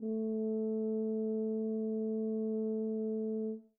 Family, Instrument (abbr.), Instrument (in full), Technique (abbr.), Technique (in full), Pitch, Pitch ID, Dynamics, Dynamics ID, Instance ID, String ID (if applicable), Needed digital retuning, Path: Brass, BTb, Bass Tuba, ord, ordinario, A3, 57, mf, 2, 0, , FALSE, Brass/Bass_Tuba/ordinario/BTb-ord-A3-mf-N-N.wav